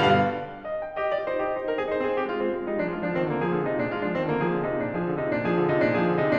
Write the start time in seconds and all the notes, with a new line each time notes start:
0.00 G2 B2 D3 G3 F5
0.64 D#5
0.79 G5
1.03 G4 D#5
1.13 F4 D5
1.24 D#4 C5
1.42 G4 D#5
1.59 D#4 C5
1.72 D4 A#4
1.81 C4 G#4
1.96 D#4 C5
2.05 C4 G#4
2.19 A#3 G4
2.30 G#3 F4
2.39 C4 G#4
2.54 G#3 F4
2.66 G3 D#4
2.75 F3 D4
2.86 G#3 F4
2.96 F3 D4
3.11 D#3 C4
3.26 D3 A#3
3.37 F3 G#4
3.58 D3 F4
3.68 C3 D#4
3.83 A#2 D4
3.95 G#3 F4
4.02 F3 D4
4.16 D#3 C4
4.27 D3 A#3
4.39 F3 G#4
4.50 D3 F4
4.62 C3 D#4
4.79 A#2 D4
4.92 F3 G#4
5.05 D3 F4
5.18 C3 D#4
5.28 A#2 D4
5.42 F3 G#4
5.53 D3 F4
5.68 C3 E4
5.78 A#2 D4
5.92 F3 G#4
6.12 D3 F4
6.26 C3 D#4